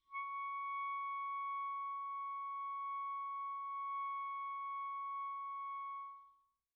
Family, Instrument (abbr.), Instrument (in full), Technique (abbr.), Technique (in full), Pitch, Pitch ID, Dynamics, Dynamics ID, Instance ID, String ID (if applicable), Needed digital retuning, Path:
Winds, ClBb, Clarinet in Bb, ord, ordinario, C#6, 85, pp, 0, 0, , FALSE, Winds/Clarinet_Bb/ordinario/ClBb-ord-C#6-pp-N-N.wav